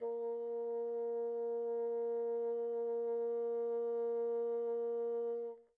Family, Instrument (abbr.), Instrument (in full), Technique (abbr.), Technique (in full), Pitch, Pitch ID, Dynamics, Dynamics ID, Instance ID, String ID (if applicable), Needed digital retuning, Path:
Winds, Bn, Bassoon, ord, ordinario, A#3, 58, pp, 0, 0, , FALSE, Winds/Bassoon/ordinario/Bn-ord-A#3-pp-N-N.wav